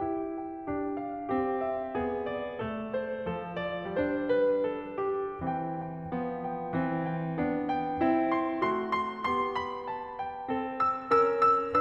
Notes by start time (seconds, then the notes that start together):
0.00 E4 G4
0.35 G5
0.67 D4 G4
0.96 F5
1.30 C4 G4
1.60 E5
1.94 B3 G#4
2.23 D5
2.57 A3 A4
2.90 C5
3.25 F3 A4
3.55 D5
3.91 G3 D4 C5
4.27 B4
4.63 A4
5.04 G4
5.41 E3 C4 G5
5.79 G5
6.18 F3 B3
6.44 G5
6.75 E3 C4
7.07 G5
7.38 B3 D4
7.70 G5
8.01 C4 E4
8.32 C6
8.63 A3 F#4 C6
8.94 C6
9.28 B3 G4 C6
9.57 B5
9.89 A5
10.18 G5
10.50 C4 A4
10.83 E6
11.10 C#4 A#4 E6
11.44 E6